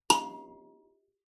<region> pitch_keycenter=82 lokey=81 hikey=82 tune=-40 volume=4.505621 offset=4654 ampeg_attack=0.004000 ampeg_release=15.000000 sample=Idiophones/Plucked Idiophones/Kalimba, Tanzania/MBira3_pluck_Main_A#4_k2_50_100_rr2.wav